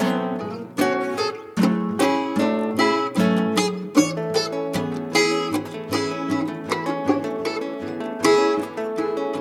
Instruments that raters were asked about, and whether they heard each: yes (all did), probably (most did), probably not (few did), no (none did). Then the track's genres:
mandolin: probably
banjo: probably
piano: probably not
ukulele: probably
organ: no
Lo-Fi; Experimental; Psych-Rock; Garage; Freak-Folk; Improv